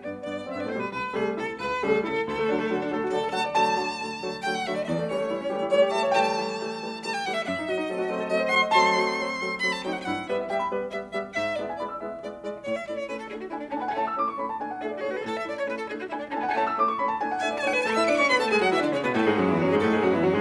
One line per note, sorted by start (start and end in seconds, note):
0.00 0.23 G2
0.00 0.23 B3
0.00 0.17 D5
0.24 0.44 G2
0.24 0.44 B3
0.24 0.44 D5
0.45 0.53 F#2
0.45 0.53 C4
0.45 0.53 E5
0.53 0.64 G2
0.53 0.64 B3
0.53 0.64 D5
0.64 0.73 A2
0.64 0.73 A3
0.64 0.74 C5
0.74 0.84 B2
0.74 0.84 G3
0.74 0.84 B4
0.84 1.14 C2
0.84 1.14 B4
1.14 1.34 C3
1.14 1.34 G3
1.14 1.34 A3
1.14 1.29 G#4
1.35 1.56 C3
1.35 1.56 E4
1.35 1.51 A4
1.56 1.76 C2
1.56 1.76 B4
1.76 1.97 C3
1.76 1.97 G3
1.76 1.97 A3
1.76 1.93 G#4
1.99 2.22 C3
1.99 2.22 E4
1.99 2.16 A4
2.22 2.45 D2
2.22 3.08 A4
2.32 2.57 A3
2.46 2.68 D3
2.46 2.68 F#3
2.46 2.68 D4
2.57 2.77 A3
2.68 2.88 D3
2.68 2.88 F#3
2.68 2.88 F#4
2.79 2.98 D4
2.88 3.08 D3
2.88 3.08 F#3
2.88 3.08 A3
2.88 3.08 A4
2.98 3.19 F#4
3.10 3.32 D3
3.10 3.32 F#3
3.10 3.32 A3
3.10 3.33 A4
3.10 3.32 D5
3.19 3.44 A4
3.33 3.54 D3
3.33 3.54 F#3
3.33 3.54 A3
3.33 3.54 F#5
3.33 3.54 A5
3.44 3.54 D5
3.54 3.82 D3
3.54 3.82 F#3
3.54 3.82 A3
3.54 4.02 A5
3.54 4.49 A5
3.82 4.02 D3
3.82 4.02 F#3
3.82 4.02 A3
4.02 4.23 D3
4.02 4.23 F#3
4.02 4.23 A3
4.24 4.49 D3
4.24 4.49 F#3
4.24 4.49 A3
4.49 4.70 D3
4.49 4.70 F#3
4.49 4.70 A3
4.49 4.61 G5
4.61 4.70 F#5
4.70 4.90 D3
4.70 4.90 F#3
4.70 4.90 A3
4.70 4.81 E5
4.81 4.85 D5
4.85 4.90 E5
4.90 5.10 E2
4.90 5.11 D5
5.00 5.20 A3
5.11 5.29 E3
5.11 5.29 G3
5.11 5.29 A3
5.11 5.29 C#4
5.11 5.77 C#5
5.20 5.39 A3
5.31 5.55 E3
5.31 5.55 G3
5.31 5.55 A3
5.31 5.55 E4
5.39 5.67 C#4
5.55 5.77 E3
5.55 5.77 G3
5.55 5.77 A3
5.55 5.77 G4
5.68 5.87 E4
5.77 5.97 E3
5.77 5.97 G3
5.77 5.97 A3
5.77 5.97 C#5
5.87 6.07 G4
5.97 6.18 E3
5.97 6.18 G3
5.97 6.18 A3
5.97 6.18 E5
5.97 6.18 A5
6.07 6.18 C#5
6.19 6.42 E3
6.19 6.42 G3
6.19 6.42 A3
6.19 6.62 G5
6.19 7.05 A5
6.42 6.62 E3
6.42 6.62 G3
6.42 6.62 A3
6.62 6.82 E3
6.62 6.82 G3
6.62 6.82 A3
6.82 7.05 E3
6.82 7.05 G3
6.82 7.05 A3
7.06 7.26 E3
7.06 7.26 G3
7.06 7.26 A3
7.06 7.15 A5
7.15 7.27 G5
7.27 7.47 E3
7.27 7.47 G3
7.27 7.47 A3
7.27 7.36 F#5
7.36 7.42 E5
7.42 7.47 F#5
7.47 7.69 F#2
7.47 7.69 E5
7.58 7.80 D4
7.69 7.93 F#3
7.69 7.93 A3
7.69 7.93 C4
7.69 7.93 F#4
7.69 8.36 D5
7.80 8.03 D4
7.94 8.15 F#3
7.94 8.15 A3
7.94 8.15 C4
7.94 8.15 A4
8.03 8.25 F#4
8.16 8.36 F#3
8.16 8.36 A3
8.16 8.36 C4
8.16 8.36 C5
8.25 8.46 A4
8.36 8.57 F#3
8.36 8.57 A3
8.36 8.57 C4
8.36 8.57 D5
8.48 8.66 C5
8.57 8.77 F#3
8.57 8.77 A3
8.57 8.77 C4
8.57 8.77 F#5
8.57 8.77 C6
8.67 8.77 D5
8.77 9.01 F#3
8.77 9.01 A3
8.77 9.01 C4
8.77 9.24 A5
8.77 9.65 C6
9.02 9.24 F#3
9.02 9.24 A3
9.02 9.24 C4
9.24 9.45 F#3
9.24 9.45 A3
9.24 9.45 C4
9.45 9.65 F#3
9.45 9.65 A3
9.45 9.65 C4
9.65 9.85 F#3
9.65 9.85 A3
9.65 9.85 C4
9.65 9.75 B5
9.75 9.86 A5
9.86 10.05 F#3
9.86 10.05 A3
9.86 10.05 C4
9.86 10.05 D4
9.86 9.95 G5
9.95 10.01 F#5
10.01 10.07 G5
10.07 10.29 G2
10.07 10.29 E4
10.07 10.29 F#5
10.29 10.52 G3
10.29 10.52 B3
10.29 10.52 B4
10.29 10.47 E5
10.43 10.62 E5
10.52 10.73 G3
10.52 10.73 B3
10.52 10.68 E5
10.52 10.73 G5
10.63 10.88 B5
10.73 10.97 G3
10.73 10.97 B3
10.73 11.17 B4
10.98 11.17 G3
10.98 11.17 B3
10.98 11.17 E5
11.17 11.37 G3
11.17 11.37 B3
11.17 11.32 E5
11.32 11.37 F#5
11.37 11.58 G#2
11.37 11.58 E5
11.58 11.77 G#3
11.58 11.77 B3
11.58 11.77 E4
11.58 11.71 D5
11.58 11.77 E5
11.67 11.87 G#5
11.78 11.95 G#3
11.78 11.95 B3
11.78 11.95 E4
11.78 11.91 D5
11.78 11.95 B5
11.87 12.04 E6
11.96 12.14 G#3
11.96 12.14 B3
11.96 12.14 E4
11.96 12.36 E5
12.14 12.36 G#3
12.14 12.36 B3
12.14 12.36 E4
12.14 12.36 D5
12.36 12.57 G#3
12.36 12.57 B3
12.36 12.57 E4
12.36 12.57 D5
12.59 12.89 A2
12.59 12.69 C#5
12.69 12.86 E5
12.90 13.11 A3
12.90 13.11 C#4
12.90 13.11 E4
12.90 12.97 D5
12.99 13.07 C#5
13.11 13.32 A3
13.11 13.32 C#4
13.11 13.32 E4
13.11 13.18 B4
13.21 13.29 A4
13.32 13.54 A3
13.32 13.54 D4
13.32 13.54 E4
13.32 13.40 G#4
13.43 13.50 F#4
13.54 13.76 A3
13.54 13.76 D4
13.54 13.62 E4
13.54 13.76 E4
13.54 13.76 G#5
13.64 13.73 D4
13.77 13.99 A3
13.77 13.84 C#4
13.77 13.99 D4
13.77 13.99 E4
13.77 13.91 G#5
13.83 13.96 B3
13.83 13.99 A5
13.91 13.99 G#5
13.99 14.19 A3
13.99 14.38 A3
13.99 14.19 C#4
13.99 14.19 E4
13.99 14.08 A5
14.08 14.19 E6
14.19 14.38 A3
14.19 14.38 C#4
14.19 14.38 E4
14.19 14.28 D6
14.29 14.38 C#6
14.38 14.58 A3
14.38 14.58 C#4
14.38 14.58 E4
14.38 14.49 B5
14.49 14.58 A5
14.59 14.80 A3
14.59 14.80 D4
14.59 14.80 E4
14.59 14.70 G#5
14.70 14.80 F#5
14.81 15.01 A3
14.81 15.01 D4
14.81 15.01 E4
14.81 14.95 G#4
14.81 14.91 E5
14.91 15.01 D5
15.01 15.21 A3
15.01 15.21 D4
15.01 15.21 E4
15.01 15.08 G#4
15.01 15.10 C#5
15.08 15.14 A4
15.08 15.21 B4
15.14 15.21 G#4
15.21 15.41 A2
15.21 15.31 A4
15.21 15.69 A4
15.31 15.38 E5
15.41 15.69 A3
15.41 15.69 C#4
15.41 15.69 E4
15.41 15.56 D5
15.58 15.65 C#5
15.70 15.89 A3
15.70 15.89 C#4
15.70 15.89 E4
15.70 15.77 B4
15.79 15.86 A4
15.89 16.09 A3
15.89 16.09 D4
15.89 16.09 E4
15.89 15.96 G#4
16.00 16.07 F#4
16.09 16.32 A3
16.09 16.32 D4
16.09 16.18 E4
16.09 16.32 E4
16.09 16.32 G#5
16.22 16.30 D4
16.32 16.52 A3
16.32 16.38 C#4
16.32 16.52 D4
16.32 16.52 E4
16.32 16.44 G#5
16.38 16.49 B3
16.38 16.52 A5
16.45 16.52 G#5
16.54 16.75 A3
16.54 16.99 A3
16.54 16.75 C#4
16.54 16.75 E4
16.54 16.65 A5
16.65 16.75 E6
16.76 16.99 A3
16.76 16.99 C#4
16.76 16.99 E4
16.76 16.86 D6
16.86 16.99 C#6
16.99 17.21 A3
16.99 17.21 C#4
16.99 17.21 E4
16.99 17.10 B5
17.11 17.21 A5
17.21 17.40 A3
17.21 17.40 D4
17.21 17.40 E4
17.21 17.31 G#5
17.31 17.40 F#5
17.40 17.64 A3
17.40 17.64 D4
17.40 17.64 E4
17.40 17.51 E5
17.40 17.57 G#5
17.51 17.64 D5
17.65 17.84 A3
17.65 17.84 D4
17.65 17.84 E4
17.65 17.74 C#5
17.65 17.71 G#5
17.71 17.84 B4
17.71 17.77 A5
17.77 17.84 G#5
17.84 17.95 A3
17.84 17.95 A4
17.84 17.96 A5
17.96 18.07 E4
17.96 18.07 E5
17.96 18.04 E6
18.07 18.17 D4
18.07 18.17 D5
18.07 18.13 D6
18.18 18.29 C#4
18.18 18.29 C#5
18.18 18.26 C#6
18.29 18.40 B3
18.29 18.40 B4
18.29 18.37 B5
18.40 18.49 A3
18.40 18.49 A4
18.40 18.47 A5
18.51 18.60 G#3
18.51 18.60 G#4
18.51 18.58 G#5
18.60 18.69 F#3
18.60 18.69 F#4
18.60 18.67 F#5
18.70 18.81 E3
18.70 18.81 E4
18.70 18.78 E5
18.81 18.91 D3
18.81 18.91 D4
18.81 18.89 D5
18.91 19.01 C#3
18.91 19.01 C#4
18.91 18.98 C#5
19.02 19.11 B2
19.02 19.11 B3
19.02 19.09 B4
19.11 19.21 A2
19.11 19.21 A3
19.11 19.21 A4
19.21 19.33 G#2
19.21 19.33 G#3
19.21 19.34 G#4
19.34 19.46 F#2
19.34 19.46 F#3
19.34 19.46 F#4
19.46 19.55 E2
19.46 19.55 E3
19.46 19.56 E4
19.56 19.66 F#2
19.56 19.66 F#3
19.56 19.66 F#4
19.66 19.78 G#2
19.66 19.78 G#3
19.66 19.78 G#4
19.78 19.88 A2
19.78 19.88 A3
19.78 19.89 A4
19.89 19.99 G#2
19.89 19.99 G#3
19.89 19.99 G#4
19.99 20.10 F#2
19.99 20.10 F#3
19.99 20.11 F#4
20.11 20.20 E2
20.11 20.20 E3
20.11 20.20 E4
20.20 20.31 F#2
20.20 20.31 F#3
20.20 20.31 F#4
20.31 20.40 G#2
20.31 20.40 G#3
20.31 20.41 G#4